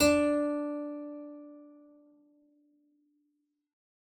<region> pitch_keycenter=62 lokey=62 hikey=63 volume=-2.188249 trigger=attack ampeg_attack=0.004000 ampeg_release=0.350000 amp_veltrack=0 sample=Chordophones/Zithers/Harpsichord, English/Sustains/Lute/ZuckermannKitHarpsi_Lute_Sus_D3_rr1.wav